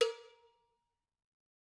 <region> pitch_keycenter=65 lokey=65 hikey=65 volume=10.661886 offset=229 lovel=0 hivel=83 ampeg_attack=0.004000 ampeg_release=15.000000 sample=Idiophones/Struck Idiophones/Cowbells/Cowbell2_Normal_v2_rr1_Mid.wav